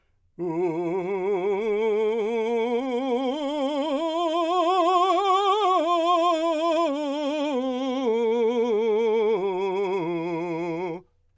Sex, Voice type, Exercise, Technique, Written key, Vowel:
male, , scales, slow/legato forte, F major, u